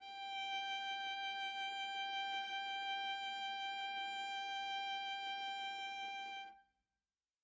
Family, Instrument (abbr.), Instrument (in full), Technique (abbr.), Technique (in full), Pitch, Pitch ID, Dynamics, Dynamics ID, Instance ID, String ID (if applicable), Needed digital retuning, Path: Strings, Va, Viola, ord, ordinario, G5, 79, mf, 2, 1, 2, FALSE, Strings/Viola/ordinario/Va-ord-G5-mf-2c-N.wav